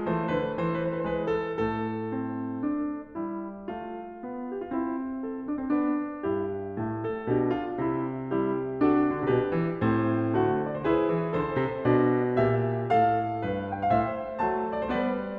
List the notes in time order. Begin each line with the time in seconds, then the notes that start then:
0.00 E3 A3 C5
0.28 D3 B4
0.53 E3 C5
0.63 B4
0.78 C5
0.85 B4
0.93 C5
0.98 B4
1.02 C5
1.07 B4
1.11 G#3 C5
1.17 B4
1.35 A4
1.63 A2 A3 A4
2.11 C4
2.59 D4
3.15 G3 E4
3.68 A3 F4
4.20 B3
4.52 G4
4.64 F4
4.73 C4 E4
5.20 A4
5.42 D4
5.57 C4
5.67 B3 D4
6.15 G2 E4 G4
6.69 A2 A3
7.01 A4
7.27 B2 D4 G4
7.55 F4
7.78 C3 E4
8.24 G3 E4 G4
8.52 D3
8.64 C3
8.75 B2 D4 F#4 A4
9.29 E3 G4 B4
9.87 A2 C4 C5
10.37 D3 A3 F#4
10.62 D5
10.75 C5
10.86 E4 G#4 B4
11.11 E3
11.35 D3 A4 C5
11.61 C3
11.85 B2 D4 D5
12.40 A#2 G4 E5
12.89 A2 A4 F5
13.40 G2
13.44 B4
13.70 G5
13.83 F5
13.92 A2 C5 E5
14.38 F#3 A3 A5
14.71 D5
14.84 C5
14.91 G3 B3 B4 D5